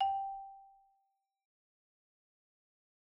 <region> pitch_keycenter=79 lokey=76 hikey=81 volume=18.093528 offset=30 xfin_lovel=84 xfin_hivel=127 ampeg_attack=0.004000 ampeg_release=15.000000 sample=Idiophones/Struck Idiophones/Marimba/Marimba_hit_Outrigger_G4_loud_01.wav